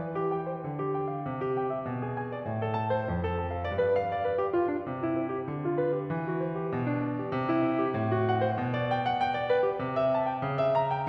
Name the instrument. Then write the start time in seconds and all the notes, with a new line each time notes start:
piano
0.00 E3
0.16 G4
0.30 G5
0.46 C5
0.64 D3
0.81 G4
0.98 G5
1.11 F5
1.27 C3
1.42 G4
1.56 G5
1.68 E5
1.85 B2
2.03 G#4
2.16 G#5
2.33 D5
2.47 A2
2.61 A4
2.75 A5
2.90 C5
3.04 F2
3.18 A4
3.33 A5
3.51 F5
3.65 G2 D5
3.80 B4
3.94 F5
4.08 D5
4.25 B4
4.39 G4
4.54 F4
4.70 D4
4.86 C3
5.03 E4
5.18 C5
5.31 G4
5.47 D3
5.60 F4
5.75 B4
5.92 G4
6.08 E3
6.25 F#4
6.42 C5
6.61 G4
6.75 B2
6.90 D4
7.06 D5
7.22 G4
7.37 C3
7.51 E4
7.65 E5
7.81 G4
7.96 A2
8.12 F#4
8.25 F#5
8.45 C5
8.63 B2
8.79 D5
8.93 G5
9.09 F#5
9.23 G5
9.35 D5
9.50 B4
9.66 G4
9.82 C3
10.00 E5
10.16 A5
10.32 G5
10.51 C#3
10.62 E5
10.75 A#5
10.91 G5